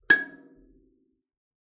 <region> pitch_keycenter=92 lokey=92 hikey=94 tune=-11 volume=-3.155076 offset=4640 ampeg_attack=0.004000 ampeg_release=15.000000 sample=Idiophones/Plucked Idiophones/Kalimba, Tanzania/MBira3_pluck_Main_G#5_k26_50_100_rr2.wav